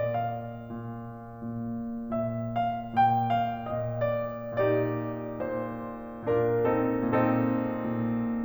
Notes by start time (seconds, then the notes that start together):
0.02 A#2 D5
0.12 F5
0.66 A#2
1.31 A#2
2.18 A#2 E5
2.59 F5
2.99 A#2 G5
3.28 F5
3.66 A#2 D#5
4.07 D5
4.59 A#2 D#4 G4 D5
5.36 A#2 C5
6.29 A#2 D4 F4 A#4
6.66 C4 D#4 A4
7.00 A#2 C4 D#4 A4
7.75 A#2